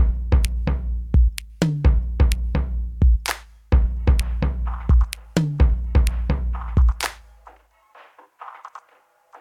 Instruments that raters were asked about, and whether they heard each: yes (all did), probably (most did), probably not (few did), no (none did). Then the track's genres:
drums: probably
Electronic; Hip-Hop Beats